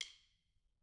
<region> pitch_keycenter=65 lokey=65 hikey=65 volume=14.009209 offset=186 seq_position=1 seq_length=2 ampeg_attack=0.004000 ampeg_release=15.000000 sample=Membranophones/Struck Membranophones/Snare Drum, Modern 2/Snare3M_stick_v3_rr1_Mid.wav